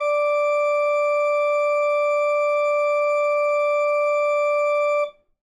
<region> pitch_keycenter=74 lokey=74 hikey=75 volume=1.839030 ampeg_attack=0.004000 ampeg_release=0.300000 amp_veltrack=0 sample=Aerophones/Edge-blown Aerophones/Renaissance Organ/Full/RenOrgan_Full_Room_D4_rr1.wav